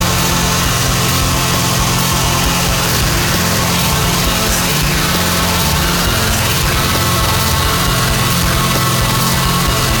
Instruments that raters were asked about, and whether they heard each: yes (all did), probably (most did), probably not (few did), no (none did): organ: no
drums: yes
accordion: no
trombone: no